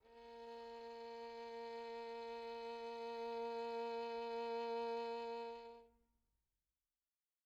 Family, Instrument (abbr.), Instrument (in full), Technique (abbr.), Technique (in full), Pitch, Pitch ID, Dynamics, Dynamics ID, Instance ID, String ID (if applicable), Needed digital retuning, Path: Strings, Vn, Violin, ord, ordinario, A#3, 58, pp, 0, 3, 4, FALSE, Strings/Violin/ordinario/Vn-ord-A#3-pp-4c-N.wav